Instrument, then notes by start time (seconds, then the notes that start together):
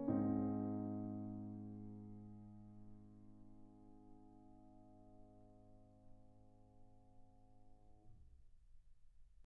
piano
0.00 G#2 C4
0.08 D#4